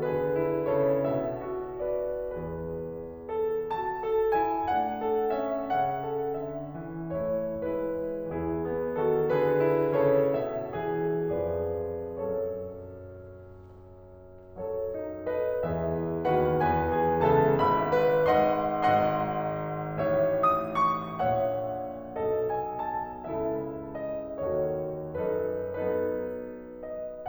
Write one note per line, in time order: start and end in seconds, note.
0.00 0.67 D3
0.00 0.35 G#4
0.00 0.67 B4
0.35 0.67 E4
0.67 1.07 C#3
0.67 1.46 A4
0.67 1.07 C#5
1.08 2.35 B2
1.08 1.86 E5
1.46 1.86 F#4
1.87 2.35 B4
1.87 2.35 D5
2.36 3.31 E2
2.36 3.31 E3
2.36 3.31 B4
3.32 4.03 A4
3.69 4.38 F#4
3.69 4.38 A5
4.03 5.05 A4
4.38 4.73 E4
4.38 4.73 G#5
4.74 5.70 A3
4.74 5.36 D4
4.74 5.36 F#5
5.06 6.03 A4
5.36 5.70 C#4
5.36 5.70 E5
5.71 6.37 C#3
5.71 7.11 C#4
5.71 6.37 F#5
6.05 7.11 A4
6.37 6.75 D3
6.37 7.11 E5
6.75 8.27 E3
7.16 7.67 A3
7.16 7.67 E4
7.16 7.67 C#5
7.69 8.27 G#3
7.69 8.27 E4
7.69 8.27 B4
8.27 11.40 E2
8.27 8.96 E3
8.27 8.64 E4
8.27 8.96 G#4
8.65 8.96 B3
8.97 9.31 D#3
8.97 9.31 F#4
8.97 9.31 A4
9.31 9.96 D3
9.31 9.65 G#4
9.31 9.96 B4
9.66 9.96 E4
9.96 10.31 C#3
9.96 10.77 A4
9.96 10.31 C#5
10.31 10.77 B2
10.31 11.40 E5
10.79 11.40 E3
10.79 11.40 G#4
11.40 12.19 F2
11.40 12.19 F3
11.40 12.19 G#4
11.40 12.19 B4
11.40 12.19 D5
12.20 14.47 F#2
12.20 14.47 F#3
12.20 14.47 A4
12.20 14.47 C#5
14.48 15.60 F#2
14.48 15.60 F#3
14.48 14.94 A4
14.48 15.26 C#5
14.95 15.26 D#4
15.27 15.60 A4
15.27 15.60 B4
15.27 15.60 D#5
15.60 16.27 E2
15.60 16.27 E3
15.60 16.27 B4
15.60 16.27 E5
15.98 16.27 E4
16.29 16.63 D#2
16.29 16.63 D#3
16.29 16.63 F#4
16.29 16.63 B4
16.29 16.63 F#5
16.64 17.25 E2
16.64 17.25 E3
16.64 17.25 B4
16.64 17.25 G#5
16.96 17.25 G#4
17.26 17.61 C#2
17.26 17.61 C#3
17.26 17.61 A4
17.26 17.61 E5
17.26 17.61 A5
17.62 18.30 G#1
17.62 18.30 G#2
17.62 18.30 E5
17.62 18.30 B5
17.97 18.30 B4
18.30 18.78 G#1
18.30 18.78 G#2
18.30 18.78 D#5
18.30 18.78 F#5
18.30 18.78 C6
18.80 20.02 G#1
18.80 20.02 G#2
18.80 20.02 D#5
18.80 20.02 F#5
18.80 20.43 C6
20.03 21.28 A1
20.03 21.28 A2
20.03 21.28 C#5
20.03 21.28 E5
20.45 20.76 D#6
20.76 21.28 C#6
21.28 22.24 A#1
21.28 22.24 A#2
21.28 22.24 C#5
21.28 22.24 E5
21.28 22.53 F#5
22.24 23.24 B1
22.24 23.24 B2
22.24 23.24 A4
22.24 23.24 D#5
22.56 22.85 G#5
22.88 23.24 A5
23.24 24.45 C#2
23.24 24.45 C#3
23.24 24.45 E4
23.24 24.45 A4
23.24 23.95 E5
23.96 24.45 D#5
24.46 25.23 D#2
24.46 25.23 D#3
24.46 25.23 F#4
24.46 25.23 A4
24.46 25.23 C#5
25.26 25.70 F#2
25.26 25.70 F#3
25.26 25.70 D#4
25.26 25.70 A4
25.26 25.70 B4
25.72 27.28 F#3
25.72 27.28 B3
25.72 27.28 D#4
25.72 27.28 A4
25.72 26.82 B4
26.83 27.28 D#5